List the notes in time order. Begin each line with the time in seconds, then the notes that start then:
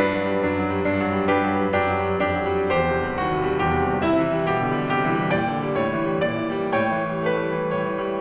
0.00 G2 D4 B4
0.14 F#3
0.28 G3
0.42 F#2 D4
0.58 F#3
0.75 G3
0.88 G2 D4
1.03 F#3
1.16 G3
1.31 F#2 D4 G4 B4
1.53 F#3
1.65 G3
1.85 F#2 D4 G4
2.01 F#3
2.14 G3
2.29 F2 D4 G4
2.44 F#3
2.55 G3
2.76 E2 G4 C5
2.93 C3
3.12 G3
3.26 D#2 F#4
3.45 C3
3.58 G3
3.69 E2 G4
3.89 C3
4.03 G3
4.18 C3 E4 E5
4.27 E3
4.37 G3
4.48 B2 G4
4.63 D3
4.76 G3
4.89 C3 G4
5.02 E3
5.17 G3
5.31 A#2 D5 G5
5.43 D3
5.62 G3
5.75 A2 C#5
5.87 E3
6.08 G3
6.25 A#2 D5
6.42 D3
6.61 G3
6.76 A2 C#5 G5
6.98 E3
7.14 G3
7.27 A3 B4
7.44 G3
7.55 E3
7.67 A2 C#5
7.83 E3
7.98 G3